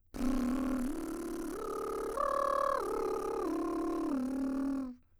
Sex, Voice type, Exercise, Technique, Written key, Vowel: female, soprano, arpeggios, lip trill, , i